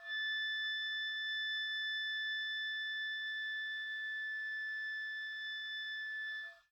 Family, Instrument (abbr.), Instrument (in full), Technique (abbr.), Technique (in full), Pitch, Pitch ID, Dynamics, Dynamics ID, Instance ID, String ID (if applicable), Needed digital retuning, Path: Winds, Ob, Oboe, ord, ordinario, A6, 93, pp, 0, 0, , FALSE, Winds/Oboe/ordinario/Ob-ord-A6-pp-N-N.wav